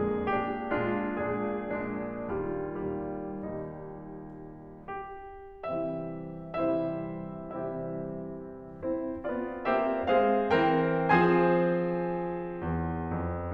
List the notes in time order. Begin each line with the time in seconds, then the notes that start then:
0.01 F2 A#2 D3 G#3 D4 G#4
0.40 A#1 A#2 G#3 D4 G4
0.83 A#1 A#2 G#3 D4 F4
1.36 A#1 A#2 G#3 D4 G#4
1.92 A#1 A#2 G#3 D4
2.39 D#2 A#2 G3 F4
2.91 D#2 A#2 G3
3.47 D#2 A#2 G3 D#4
4.67 G4
5.53 C3 E3 G3 C4 E4 G4 C5 E5
6.51 C3 E3 G3 C4 E4 G4 C5 E5
7.37 C3 E3 G3 C4 E4 G4 C5 E5
8.81 C4 E4 C5
9.22 B3 C4 F4 D5
9.65 A#3 C4 G4 C5 E5
10.05 G#3 C4 G#4 C5 F5
10.54 E3 C4 A#4 C5 G5
11.12 F3 C4 G#4 C5 G#5
12.61 E2
13.11 F2